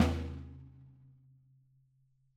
<region> pitch_keycenter=62 lokey=62 hikey=62 volume=9.726213 lovel=107 hivel=127 seq_position=1 seq_length=2 ampeg_attack=0.004000 ampeg_release=30.000000 sample=Membranophones/Struck Membranophones/Snare Drum, Rope Tension/Hi/RopeSnare_hi_sn_Main_vl4_rr1.wav